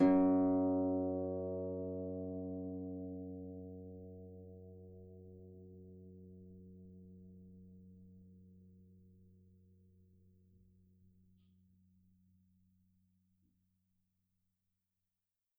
<region> pitch_keycenter=42 lokey=42 hikey=43 tune=-9 volume=10.181566 xfin_lovel=70 xfin_hivel=100 ampeg_attack=0.004000 ampeg_release=30.000000 sample=Chordophones/Composite Chordophones/Folk Harp/Harp_Normal_F#1_v3_RR1.wav